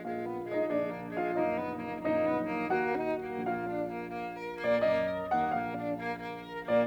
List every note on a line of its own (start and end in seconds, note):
0.00 0.67 A#1
0.00 0.67 A#2
0.00 0.23 G#3
0.00 0.51 F4
0.00 0.51 F5
0.23 0.38 B3
0.45 0.60 G#3
0.51 0.67 D#4
0.51 0.67 D#5
0.67 1.36 A#1
0.67 1.36 A#2
0.67 0.89 G#3
0.67 1.18 D4
0.67 1.18 D5
0.89 1.07 A#3
1.15 1.31 G#3
1.20 1.36 F4
1.20 1.36 F5
1.36 2.03 F#1
1.36 2.03 A#1
1.36 2.03 F#2
1.36 1.58 A#3
1.36 2.03 D#4
1.36 2.03 D#5
1.58 1.74 B3
1.82 1.97 A#3
2.04 2.72 F#1
2.04 2.72 A#1
2.04 2.72 F#2
2.04 2.28 A#3
2.04 2.72 D#4
2.04 2.72 D#5
2.28 2.44 B3
2.52 2.67 A#3
2.72 3.39 D#2
2.72 3.39 A#2
2.72 2.91 A#3
2.72 3.39 F#4
2.72 3.39 F#5
2.91 3.09 D#4
3.16 3.32 A#3
3.40 4.63 A#1
3.40 4.63 A#2
3.40 3.62 A#3
3.40 4.09 F4
3.40 4.63 F5
3.62 3.76 D4
3.84 4.02 A#3
4.09 4.33 A#3
4.33 4.50 A#4
4.59 4.75 A#3
4.64 4.81 A#2
4.64 4.81 D5
4.81 5.33 F#2
4.81 5.04 A#3
4.81 5.33 D#5
5.04 5.19 A#4
5.27 5.45 A#3
5.34 5.53 D#2
5.34 5.53 F#5
5.54 6.68 A#1
5.54 6.68 A#2
5.54 5.74 A#3
5.54 6.68 F5
5.74 5.90 D4
5.97 6.10 A#3
6.13 6.39 A#3
6.39 6.56 A#4
6.62 6.79 A#3
6.69 6.86 A#2
6.69 6.86 D5